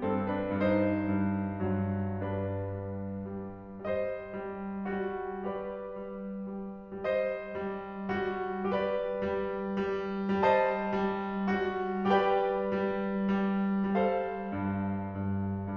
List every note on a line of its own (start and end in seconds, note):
0.00 0.55 G2
0.00 0.29 C4
0.00 0.29 A4
0.30 0.55 D4
0.30 0.55 B4
0.56 0.95 G2
0.56 2.19 D#4
0.56 2.19 C5
0.95 1.46 G2
1.47 2.19 G2
1.47 2.19 F#3
2.21 2.96 G2
2.21 3.87 D4
2.21 3.87 B4
2.97 3.42 G3
3.42 3.87 G3
3.88 4.34 G3
3.88 5.46 C5
3.88 5.46 D#5
4.34 4.85 G3
4.86 5.46 G3
4.86 5.46 F#4
5.46 5.98 G3
5.46 7.08 G4
5.46 7.08 B4
5.46 7.08 D5
5.99 6.47 G3
6.48 7.08 G3
7.09 7.66 G3
7.09 8.73 C5
7.09 8.73 D#5
7.66 8.15 G3
8.16 8.73 G3
8.16 8.73 F#4
8.74 9.28 G3
8.74 10.40 G4
8.74 10.40 B4
8.74 10.40 D5
9.29 9.83 G3
9.83 10.40 G3
10.41 10.90 G3
10.41 12.05 C5
10.41 12.05 D#5
10.41 12.05 A5
10.90 11.42 G3
11.44 12.05 G3
11.44 12.05 F#4
12.05 12.74 G3
12.05 13.34 G4
12.05 13.94 B4
12.05 13.94 D5
12.05 13.94 G5
12.76 13.34 G3
13.35 13.94 G3
13.96 14.52 G3
13.96 15.75 A4
13.96 15.75 C5
13.96 15.75 F5
14.52 15.22 G2
15.23 15.75 G2